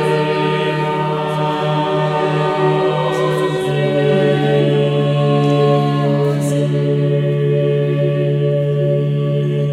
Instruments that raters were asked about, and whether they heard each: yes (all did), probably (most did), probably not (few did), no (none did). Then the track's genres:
voice: yes
Choral Music